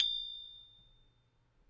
<region> pitch_keycenter=93 lokey=93 hikey=94 volume=8.333417 lovel=66 hivel=99 ampeg_attack=0.004000 ampeg_release=30.000000 sample=Idiophones/Struck Idiophones/Tubular Glockenspiel/A1_medium1.wav